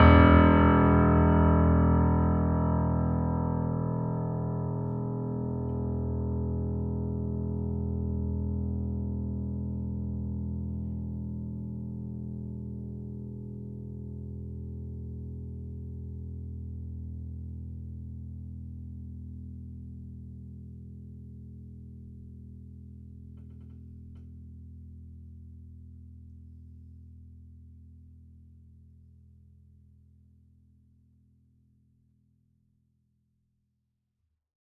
<region> pitch_keycenter=28 lokey=28 hikey=29 volume=-0.452946 lovel=0 hivel=65 locc64=65 hicc64=127 ampeg_attack=0.004000 ampeg_release=0.400000 sample=Chordophones/Zithers/Grand Piano, Steinway B/Sus/Piano_Sus_Close_E1_vl2_rr1.wav